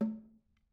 <region> pitch_keycenter=60 lokey=60 hikey=60 volume=21.452387 offset=201 lovel=0 hivel=54 seq_position=2 seq_length=2 ampeg_attack=0.004000 ampeg_release=15.000000 sample=Membranophones/Struck Membranophones/Snare Drum, Modern 1/Snare2_HitNS_v2_rr2_Mid.wav